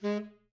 <region> pitch_keycenter=56 lokey=56 hikey=56 tune=8 volume=19.225746 lovel=0 hivel=83 ampeg_attack=0.004000 ampeg_release=1.500000 sample=Aerophones/Reed Aerophones/Tenor Saxophone/Staccato/Tenor_Staccato_Main_G#2_vl1_rr1.wav